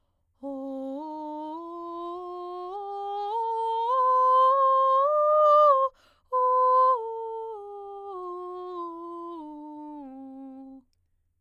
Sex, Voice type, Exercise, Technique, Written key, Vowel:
female, soprano, scales, breathy, , o